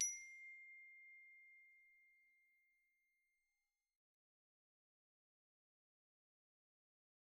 <region> pitch_keycenter=84 lokey=82 hikey=87 volume=26.071762 offset=101 xfin_lovel=0 xfin_hivel=83 xfout_lovel=84 xfout_hivel=127 ampeg_attack=0.004000 ampeg_release=15.000000 sample=Idiophones/Struck Idiophones/Glockenspiel/glock_medium_C6_01.wav